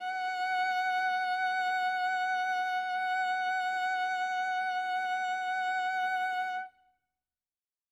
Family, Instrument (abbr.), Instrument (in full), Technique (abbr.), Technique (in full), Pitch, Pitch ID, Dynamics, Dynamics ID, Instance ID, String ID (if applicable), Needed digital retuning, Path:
Strings, Va, Viola, ord, ordinario, F#5, 78, ff, 4, 1, 2, FALSE, Strings/Viola/ordinario/Va-ord-F#5-ff-2c-N.wav